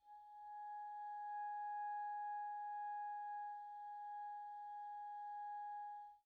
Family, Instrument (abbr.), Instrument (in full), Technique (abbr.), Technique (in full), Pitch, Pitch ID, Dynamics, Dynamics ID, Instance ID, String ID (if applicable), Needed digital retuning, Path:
Winds, ClBb, Clarinet in Bb, ord, ordinario, G#5, 80, pp, 0, 0, , FALSE, Winds/Clarinet_Bb/ordinario/ClBb-ord-G#5-pp-N-N.wav